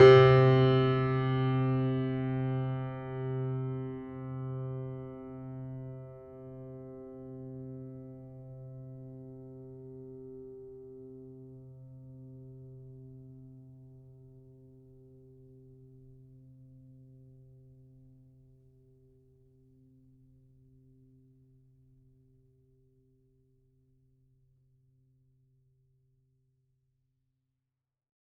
<region> pitch_keycenter=48 lokey=48 hikey=49 volume=-0.352356 lovel=66 hivel=99 locc64=65 hicc64=127 ampeg_attack=0.004000 ampeg_release=0.400000 sample=Chordophones/Zithers/Grand Piano, Steinway B/Sus/Piano_Sus_Close_C3_vl3_rr1.wav